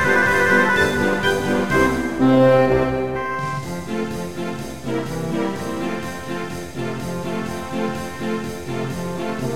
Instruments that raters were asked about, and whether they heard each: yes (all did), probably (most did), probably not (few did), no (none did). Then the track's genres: guitar: probably
accordion: probably not
trumpet: probably
trombone: probably
Classical